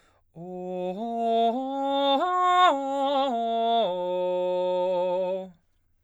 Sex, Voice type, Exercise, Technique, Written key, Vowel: male, baritone, arpeggios, slow/legato forte, F major, o